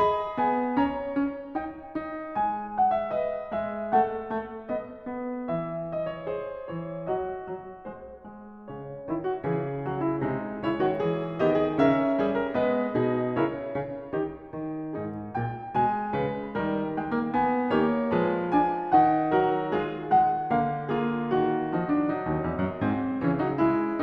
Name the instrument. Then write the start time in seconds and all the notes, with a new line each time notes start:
piano
0.00 G#4 D#5 B5
0.37 B3 G#5
0.78 C#4 C#5 A#5
1.13 C#4
1.53 D#4 G5
1.97 D#4
2.37 G#3 G#5
2.77 F#5
2.95 E5
3.11 B4 D#5
3.54 G#3 E5
3.94 A3 A4 F#5
4.32 A3
4.70 B3 D#5
5.09 B3
5.49 E3 E5
5.91 D#5
6.13 C#5
6.33 G#4 C5
6.73 E3 C#5
7.07 F#3 F#4 D#5
7.48 F#3
7.91 G#3 C5
8.36 G#3
8.68 C#3 C#5
9.09 D#3 E4
9.29 F#4
9.45 C#3 E3 G#4
9.88 F#3 F#4
10.03 E4
10.21 C3 G#3 D#4
10.66 C#3 E4 C#5
10.83 D#3 F#4
11.03 E3 G#4
11.41 D#3 B3 G4 D#5
11.58 G#4
11.78 C#3 C#4 A#4 E5
12.20 G3 G#4
12.41 A#4
12.62 G#3 B3 B4 D#5
12.95 B2 D#4 G#4
13.39 C#3 E4 A#4 C#5
13.77 C#3
14.13 D#3 D#4 G4
14.52 D#3
14.94 G#2 D#4 G#4
15.35 A#2 G5
15.77 B2 G#3 G#5
16.14 C#3 B4
16.53 D#3 G3 A#4
16.94 G#3 G5
17.14 A#3
17.36 B3 G#5
17.73 D#3 A#3 G4 C#5
18.15 F3 G#3 G#4 B4
18.59 D4 G#5
18.98 D#3 D#4 F#5
19.45 F#3 F#4 A#4
19.80 G#3 E4 G#4
20.13 G#3 F#5
20.53 D3 A#3 F5
20.91 A#3 F4 G#4
21.34 D#3 F#4
21.72 F3 D#4
21.90 D4
22.06 F#3 D#4
22.21 D#2
22.44 E2
22.64 F#2
22.83 G#2 C4
23.21 C#3 E3 C#4
23.39 F#3 D#4
23.58 G#3 E4